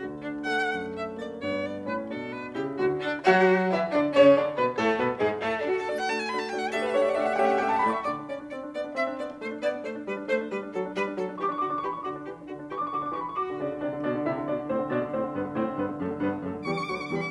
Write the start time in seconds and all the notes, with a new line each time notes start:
0.00 D2 D3 F#4
0.21 D4
0.41 A3 F#5
0.73 F#2
0.94 E5
1.17 A#3 D5
1.44 G2 B3 C#5
1.66 D5
1.87 A2 C#4 B4
2.09 B2 D4 A4
2.30 B4
2.55 C#3 E4 G4
2.80 D2 D3 F#4
3.02 D4
3.27 F#3 F#4 F#5
3.73 E3 E4 E5
3.94 D3 D4 D5
4.17 C#3 C#4 C#5
4.37 D3 D4 D5
4.57 B2 B3 B4
4.78 A2 A3 A4
4.99 B2 B3 B4
5.21 G#2 G#3 G#4
5.43 A2 A3 A4
5.55 D4
5.67 A3 D4 F#4
5.76 A4
5.86 A3 D4 F#4 D5
5.98 F#5
6.08 A3 D4 F#4 A5
6.19 G#5
6.28 A3 D4 F#4 B5
6.39 A5
6.49 A3 D4 F#4 G5
6.63 F#5
6.73 A3 D4 G4 A4 E5
6.79 B4 F#5
6.88 E5
6.98 A3 D4 G4 C#5 F#5
7.05 D5 E5
7.11 F#5
7.17 A3 D4 G4 E5
7.24 F#5
7.31 E5
7.37 A3 C#4 G4 F#5 G5
7.44 E5 F#5
7.51 F#5
7.62 A3 C#4 G4 E5 G5
7.67 F#5
7.72 E5 A5
7.84 A2 A3 D5 B5
7.95 E5 C#6
8.06 D3 D5 D6
8.21 D4
8.30 C#4 D5
8.42 D4
8.52 C4 D5
8.63 D4
8.74 B3 D5
8.84 D4
8.94 C4 E5
9.06 D4
9.15 B3 D5
9.25 D4
9.38 A3 C5
9.50 D4
9.61 B3 D5
9.73 D4
9.83 A3 C5
9.94 D4
10.04 G3 B4
10.15 D4
10.23 A3 C5
10.34 D4
10.46 G3 B4
10.57 D4
10.69 F#3 A4
10.81 D4
10.91 G3 B4
11.05 D4
11.15 F#3 A4
11.25 D4
11.33 E3 G4 C#6
11.40 D4 D6
11.47 C#6
11.54 D3 F#4 D6
11.60 D4 C#6
11.67 D6
11.75 E3 G4 C#6
11.83 D4 B5
11.89 C#6
11.96 D3 F#4 D6
12.07 D4
12.18 E3 G4
12.28 D4
12.42 D3 F#4
12.52 D4
12.64 E3 G4 C#6
12.72 D4 D6
12.78 C#6
12.85 D3 F#4 D6
12.92 C#6
12.97 D4 D6
13.13 E3 G4 C#6
13.20 D4 B5
13.27 C#6
13.35 D2 F#4 D6
13.49 D3
13.60 C#3 D4 D5
13.69 D3
13.79 C3 D4 D5
13.92 D3
14.01 B2 D4 D5
14.14 D3
14.23 C3 E4 E5
14.34 D3
14.44 B2 D4 D5
14.54 D3
14.65 A2 C4 C5
14.74 D3
14.91 B2 D4 D5
15.01 D3
15.09 A2 C4 C5
15.20 D3
15.37 G2 B3 B4
15.46 D3
15.62 A2 C4 C5
15.70 D3
15.81 G2 B3 B4
15.92 D3
16.02 F#2 A3 A4
16.13 D3
16.22 G2 B3 B4
16.34 D3
16.44 F#2 A3 A4
16.56 D3
16.67 E2 G3 G4 C#6
16.75 D3 D6
16.82 C#6
16.89 D2 F#3 F#4 D6
16.97 D3 C#6
17.04 D6
17.10 E2 G3 G4 C#6
17.17 D3 B5
17.24 C#6